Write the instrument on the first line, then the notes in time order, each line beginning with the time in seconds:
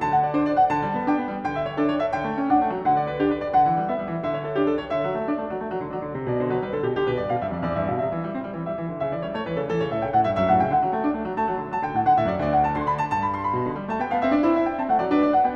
piano
0.00 D3 A5
0.10 F#5
0.24 D5
0.35 D4 C5
0.41 D5
0.53 F#5
0.73 D3 A5
0.84 G3
0.98 B3
1.08 D4 G5
1.23 B3
1.30 G3
1.44 D3 G5
1.59 E5
1.71 C#5
1.81 D4 A4
1.92 C#5
2.02 E5
2.12 D3 G5
2.24 A3
2.37 C#4
2.50 D4 F#5
2.62 A3
2.75 F#3
2.86 D3 F#5
2.97 D5
3.11 B4
3.22 D4 G4
3.33 B4
3.44 D5
3.55 D3 F#5
3.67 E3
3.80 G3
3.91 B3 E5
4.03 G3
4.10 E3
4.25 D3 E5
4.38 C#5
4.48 A4
4.57 D4 G4
4.64 A4
4.78 C#5
4.93 D3 E5
5.04 F#3
5.17 A3
5.28 D4 D5
5.38 A3
5.50 F#3
5.62 A3
5.69 F#3
5.80 D3
5.91 F#3 D5
6.00 D3
6.12 C3
6.25 B2 D5
6.40 D3 C5
6.49 F#3 B4
6.59 G3 B4
6.70 D3 A4
6.82 B2 G4
6.94 D3 G4
7.06 B2 B4
7.19 G2 D5
7.30 B2 F5
7.42 G2 E5
7.57 F2 D5
7.70 E2 D5
7.78 G2 E5
7.89 B2 F5
8.01 C3 E5
8.15 E3
8.25 G3
8.36 C4
8.49 G3
8.56 E3
8.64 G3 E5
8.77 E3
8.89 D3
9.02 C#3 E5
9.14 E3 D5
9.26 G3 C#5
9.36 A3 C#5
9.45 E3 B4
9.57 C#3 A4
9.66 E3 A4
9.78 C#3 C#5
9.89 A2 E5
9.98 C#3 G5
10.11 A2 F#5
10.23 G2 E5
10.34 F#2
10.39 E5
10.47 A2 F#5
10.58 C#3
10.62 G5
10.69 D3 F#5
10.81 F#3
10.92 A3
11.04 D4
11.12 A3
11.24 F#3
11.35 A3 A5
11.48 F#3
11.60 D3
11.69 F#3 A5
11.83 D3 G5
11.95 A2 F#5
12.05 D3
12.10 F#5
12.17 A2
12.21 E5
12.26 F#2
12.32 D5
12.39 D2
12.45 D5
12.57 F#5
12.64 A5
12.72 D3
12.78 C6
12.86 B5
13.00 A5
13.11 G2
13.17 A5
13.29 B5
13.40 C6
13.53 B5
13.62 B2
13.69 D3
13.79 G3
13.89 A3 A5
13.99 B3 G5
14.08 B3
14.14 F5
14.21 C4 E5
14.30 D4 D5
14.42 E4
14.47 C5
14.54 E5
14.69 G5
14.77 C4
14.81 A3 A5
14.92 F#5
15.01 F#3
15.07 D4 D5
15.15 B4
15.27 D5
15.38 F#5
15.45 B3 G5